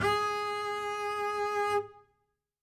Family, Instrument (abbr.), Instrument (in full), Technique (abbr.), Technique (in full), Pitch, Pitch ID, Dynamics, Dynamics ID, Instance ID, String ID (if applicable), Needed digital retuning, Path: Strings, Cb, Contrabass, ord, ordinario, G#4, 68, ff, 4, 0, 1, FALSE, Strings/Contrabass/ordinario/Cb-ord-G#4-ff-1c-N.wav